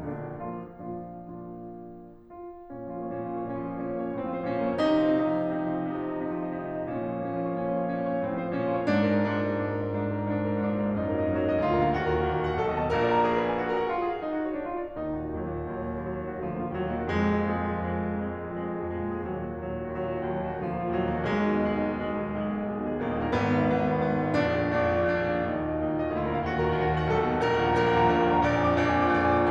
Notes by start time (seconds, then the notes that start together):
0.00 A#1 A#2 D3 A#3 D4
0.37 A#2 F3 A#3 D4 F4
0.82 A#2 F3 A#3 D4 F4
1.39 A#2 F3 A#3 D4 F4
2.25 F4
2.64 A#2 C#4
2.89 F3 F4
3.01 A#3 C#5
3.15 A#2 C#4
3.23 F3 F4
3.34 A#3 C#5
3.55 A#2 C#4
3.63 F3 F4
3.77 A#3 C#5
3.88 A#2 C#4
4.01 F3 F4
4.10 A#3 C#5
4.18 A2 C4
4.26 F3 F4
4.34 A3 C5
4.42 A#2 C#4
4.53 F3 F4
4.63 A#3 C#5
4.73 C3 D#4
4.81 F3 F4
4.90 C4 D#5
5.04 C3 D#4
5.20 F3 F4
5.28 C4 D#5
5.36 C3 D#4
5.46 F3 F4
5.55 C4 D#5
5.65 C3 D#4
5.76 F3 F4
5.86 C4 D#5
5.99 C3 D#4
6.07 F3 F4
6.23 C4 D#5
6.44 C3 D#4
6.61 F3 F4
6.70 C4 D#5
6.84 A#2 C#4
6.97 F3 F4
7.11 A#3 C#5
7.20 A#2 C#4
7.35 F3 F4
7.45 A#3 C#5
7.52 A#2 C#4
7.65 F3 F4
7.73 A#3 C#5
7.84 A#2 C#4
7.92 F3 F4
8.00 A#3 C#5
8.17 A2 C4
8.27 F3 F4
8.42 A3 C5
8.53 A#2 C#4
8.64 F3 F4
8.74 A#3 C#5
8.85 G#2 D4
8.92 A#2 A#4
9.02 G#3 D5
9.10 G#2 D4
9.28 A#2 A#4
9.45 G#3 D5
9.56 G#2 D4
9.73 A#2 A#4
9.81 G#3 D5
10.04 G#2 D4
10.15 A#2 A#4
10.27 G#3 D5
10.38 G#2 D4
10.47 A#2 A#4
10.60 G#3 D5
10.69 G#2 D4
10.77 A#2 A#4
10.86 G#3 D5
10.94 F#2 D#4
11.03 A#2 G#4
11.15 F#3 D#5
11.28 F#2 D#4
11.40 A#2 A#4
11.52 F#3 D#5
11.61 D2 F4
11.70 A#2 A#4
11.83 D3 F5
11.92 D#2 F#4
12.04 A#2 A#4
12.13 D#3 F#5
12.26 D#2 F#4
12.38 A#2 A#4
12.47 D#3 F#5
12.56 B1 A4
12.68 D#2 D#5
12.78 B2 A5
12.92 A#1 A#2 A#4
13.00 D5
13.12 A#5
13.25 G#4
13.34 B4
13.53 G#5
13.62 F#4
13.71 A#4
13.80 F#5
13.90 F4
13.97 G#4
14.06 F5
14.14 D#4
14.23 F#4
14.42 D#5
14.57 D4
14.70 F4
14.81 D5
14.97 D#2 D#4
15.10 A#2 F#4
15.21 D#3 D#5
15.38 D#2 F#3
15.56 A#2 A#3
15.65 D#3 F#4
15.79 D#2 F#3
15.87 A#2 A#3
15.96 D#3 F#4
16.09 D#2 F#3
16.23 A#2 A#3
16.34 D#3 F#4
16.43 D2 F3
16.54 A#2 A#3
16.67 D3 F4
16.78 D#2 F#3
16.88 A#2 A#3
16.96 D#3 F#4
17.09 F2 G#3
17.24 A#2 A#3
17.35 F3 G#4
17.53 F2 G#3
17.62 A#2 A#3
17.74 F3 G#4
17.82 F2 G#3
17.96 A#2 A#3
18.11 F3 G#4
18.23 F2 G#3
18.44 A#2 A#3
18.52 F3 G#4
18.66 F2 G#3
18.74 A#2 A#3
18.91 F3 G#4
19.02 F2 G#3
19.10 A#2 A#3
19.21 F3 G#4
19.33 D#2 F#3
19.45 A#2 A#3
19.56 D#3 F#4
19.64 D#2 F#3
19.76 A#2 A#3
19.84 D#3 F#4
19.98 D#2 F#3
20.06 A#2 A#3
20.13 D#3 F#4
20.25 D#2 F#3
20.35 A#2 A#3
20.49 D#3 F#4
20.60 D2 F3
20.71 A#2 A#3
20.82 D3 F4
20.94 D#2 F#3
21.03 A#2 A#3
21.12 D#3 F#4
21.25 B1 G#3
21.36 D#2 D#4
21.58 B2 G#4
21.69 B1 G#3
21.83 D#2 D#4
21.91 B2 G#4
22.01 B1 G#3
22.15 D#2 D#4
22.29 B2 G#4
22.42 B1 G#3
22.50 D#2 D#4
22.64 B2 G#4
22.74 B1 G#3
22.85 D#2 D#4
22.98 B2 G#4
23.08 A#1 B3
23.17 D#2 D#4
23.25 A#2 A#4
23.39 G#1 B3
23.49 D#2 D#4
23.59 G#2 B4
23.71 G#1 B3
23.85 D#2 D#4
23.96 G#2 B4
24.07 G#1 B3
24.17 D#2 D#4
24.28 G#2 B4
24.36 B1 D4
24.46 F2 G#4
24.57 B2 D5
24.71 B1 D4
24.86 F2 G#4
24.94 B2 D5
25.07 A#1 D4
25.29 F2 G#4
25.37 A#2 D5
25.46 D#2 D#4
25.55 A#2 F#4
25.70 D#3 D#5
25.86 D#2 D#4
25.97 A#2 F#4
26.09 D#3 D#5
26.17 D2 F4
26.25 A#2 A#4
26.33 D3 F5
26.42 D#2 F#4
26.59 A#2 A#4
26.74 D#3 F#5
26.83 D#2 F#4
26.94 A#2 A#4
27.02 D#3 F#5
27.11 B1 A4
27.23 D#2 F#5
27.32 B2 A5
27.45 A#1 A#4
27.57 D#2 F#5
27.68 A#2 A#5
27.78 A#1 A#4
27.88 D#2 F#5
27.96 A#2 A#5
28.07 A#1 A#4
28.14 D#2 F#5
28.24 A#2 A#5
28.46 A#1 D5
28.60 F2 G#5
28.70 A#2 D6
28.80 A#1 D5
28.89 F2 G#5
28.99 A#2 D6
29.08 A#1 D5
29.18 F2 G#5
29.34 A#2 D6